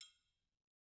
<region> pitch_keycenter=66 lokey=66 hikey=66 volume=17.893418 offset=183 lovel=84 hivel=127 seq_position=1 seq_length=2 ampeg_attack=0.004000 ampeg_release=30.000000 sample=Idiophones/Struck Idiophones/Triangles/Triangle3_HitFM_v2_rr1_Mid.wav